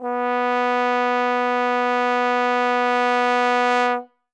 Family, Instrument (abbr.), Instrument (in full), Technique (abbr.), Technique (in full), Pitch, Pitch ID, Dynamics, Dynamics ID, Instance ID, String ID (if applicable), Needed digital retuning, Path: Brass, Tbn, Trombone, ord, ordinario, B3, 59, ff, 4, 0, , FALSE, Brass/Trombone/ordinario/Tbn-ord-B3-ff-N-N.wav